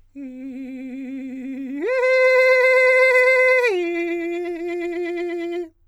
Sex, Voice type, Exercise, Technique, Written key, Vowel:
male, countertenor, long tones, trillo (goat tone), , i